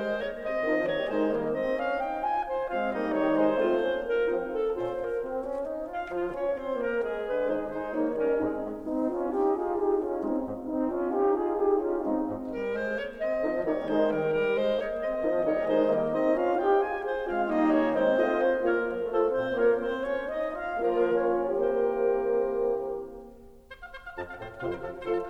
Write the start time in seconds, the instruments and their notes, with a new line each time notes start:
0.00 bassoon G#3, clarinet C5
0.16 bassoon A#3, clarinet C#5 D#5
0.38 bassoon C4, clarinet D#5
0.66 horn D#3 D#4, bassoon F3
0.96 bassoon G3 A#3, clarinet C#5
1.13 horn D3 D#4, bassoon G#3, clarinet C5 D#5
1.32 bassoon G3 A#3, clarinet A#4
1.52 bassoon C4, clarinet D#5
1.73 bassoon D4, clarinet F5
2.03 bassoon D#4, clarinet G5
2.32 bassoon F4, clarinet G#5
2.50 clarinet C5
2.69 bassoon G#3 C4, clarinet F4 F5
2.90 bassoon G3 A#3, clarinet D#4 D#5, horn D#4
3.15 bassoon D#3 G3, clarinet C#5
3.34 bassoon G#3, clarinet C5
3.59 bassoon A3 C4, clarinet F4, horn F4
3.81 bassoon A#3 C#4, clarinet F4 C5, horn F4
4.03 clarinet A#4
4.21 bassoon F3 C4, clarinet D#4, horn F4
4.50 clarinet A4
4.77 bassoon A#2 C#4, clarinet F4 C5, horn F4
4.93 clarinet A#4
5.19 bassoon C4
5.40 bassoon C#4
5.64 bassoon D#4
5.89 bassoon F4, clarinet F5
6.06 bassoon F3, clarinet F4
6.33 bassoon C#4, clarinet C#5
6.50 bassoon C4, clarinet C5
6.75 bassoon A#3, clarinet A#4
7.01 bassoon G#3, clarinet G#4
7.26 bassoon D3, clarinet B4
7.42 bassoon D#3 G#3, horn D#4, clarinet G#4 C5
7.63 bassoon G#3, clarinet D#4 C5
7.94 bassoon D#3 A#3, horn D#4, clarinet C#5
8.12 bassoon G3, clarinet C#4 A#4
8.36 bassoon G#3, clarinet C4 G#4, horn D#4
8.94 horn C4 D#4
9.08 horn F4
9.35 horn D#4 G4
9.61 horn F4 G#4
9.78 horn D#4 G4
10.02 horn C#4 F4
10.22 bassoon G#3, horn C4 D#4
10.45 bassoon G#2
10.66 horn C4 D#4
10.89 horn C#4 F4
11.08 horn D#4 G4
11.34 horn F4 G#4
11.55 horn D#4 G4
11.81 horn C#4 F4
12.02 bassoon G#3, horn C4 D#4
12.27 bassoon G#2
12.55 bassoon G3, clarinet A#4
12.71 bassoon G#3, clarinet C5
12.96 bassoon A#3, clarinet C#5
13.15 bassoon C4, clarinet D#5
13.39 horn D#3 D#4, bassoon F3
13.61 horn D#3 D#4, bassoon G3 A#3, clarinet C#5
13.91 horn D#3 D#4, bassoon G#3, clarinet C5
14.09 bassoon D#3 G3, clarinet A#4
14.27 bassoon G3, clarinet A#4
14.57 bassoon G#3, clarinet C5
14.76 bassoon A#3, clarinet C#5 D#5
15.02 bassoon C4, clarinet D#5
15.20 horn D#3 D#4, bassoon F3
15.42 horn D#3 D#4, bassoon G3 A#3, clarinet C#5
15.63 horn D#3 D#4, bassoon G#3, clarinet C5 D#5
15.86 bassoon G3 A#3, clarinet A#4
16.09 bassoon C4, horn D#4, clarinet D#5
16.34 bassoon C#4, horn F4, clarinet F5
16.52 bassoon D#4, horn G4, clarinet G5
16.78 bassoon F4, horn G#4, clarinet G#5
17.08 clarinet C5
17.24 bassoon G#3 F4, clarinet C4 F5, horn F4
17.45 bassoon G3 D#4, clarinet A#3 D#5, horn D#4
17.64 bassoon D#3 C#4, clarinet C#5
17.87 bassoon G#3 C4, clarinet C4 C5
18.07 bassoon A3, horn F4, clarinet D#5
18.34 bassoon A#3 C4, horn F4, clarinet C#5
18.63 bassoon A#3, horn F4, clarinet A#4 C#5
18.85 bassoon F3
19.05 bassoon A3, horn F4, clarinet A4 C5
19.28 bassoon A#2 C4, clarinet C5
19.55 bassoon A#3, horn A#3 F4, clarinet A#4 C#5
19.78 bassoon C4, clarinet C5
20.04 bassoon C#4, clarinet C#5
20.31 bassoon D#4, clarinet D#5
20.55 bassoon F4, clarinet F5
20.81 bassoon F3, horn A#3 F4, clarinet F4 A#4
21.18 bassoon C#4, clarinet C#5
21.68 bassoon E3 C4, horn A#3 G4, clarinet A#4 C5
23.07 oboe C5
23.44 oboe F5
23.63 oboe C5
23.81 oboe F5
24.11 bassoon F2, oboe A5
24.29 oboe F5
24.38 bassoon A2, oboe C5
24.61 bassoon F2 C3, horn F4, clarinet A4, oboe C5 F5
24.67 oboe C5
24.81 bassoon F3, oboe A4
25.05 bassoon F3 A3, horn F4, clarinet A4, oboe C5
25.11 oboe A4